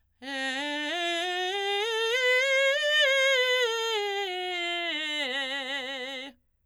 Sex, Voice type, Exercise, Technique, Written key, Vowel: female, soprano, scales, belt, , e